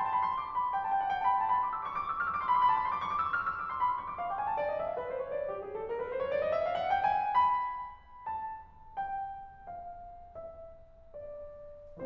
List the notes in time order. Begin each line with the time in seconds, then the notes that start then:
0.01 C6
0.10 A5 B5
0.24 B5
0.37 D6
0.48 C6
0.53 B5
0.81 A5
0.88 G5
0.94 F#5
1.00 G5
1.08 A5
1.30 C#6
1.42 B5
1.47 A5
1.53 B5
1.59 C#6
1.73 E6
1.81 D6
1.88 C#6
1.99 D6
2.11 F6
2.17 E6
2.26 D6
2.54 C6
2.60 B5
2.66 A5
2.73 B5
2.82 C6
2.93 E6
2.98 D6
3.04 C#6
3.10 D6
3.31 F6
3.41 E6
3.65 D6
3.87 B5
3.97 C6
4.03 C#6
4.09 D6
4.20 F5
4.33 G5
4.42 G#5
4.52 A5
4.57 D5
4.68 D#5
4.75 E5
4.86 F5
4.95 B4
5.06 C5
5.22 C#5
5.33 D5
5.43 G4
5.56 G#4
5.71 A4
5.87 A#4
5.93 B4
5.99 C5
6.11 C#5
6.16 D5
6.26 D#5
6.50 E5
6.61 F5
6.68 F#5
6.75 G5
6.92 G#5
7.17 B5
7.51 A5
7.84 G5
9.67 F5
9.95 E5
10.63 D5